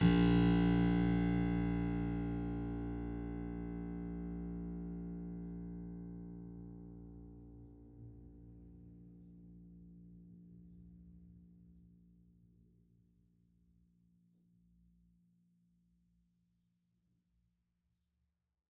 <region> pitch_keycenter=34 lokey=34 hikey=35 volume=-1 trigger=attack ampeg_attack=0.004000 ampeg_release=0.400000 amp_veltrack=0 sample=Chordophones/Zithers/Harpsichord, French/Sustains/Harpsi2_Normal_A#0_rr1_Main.wav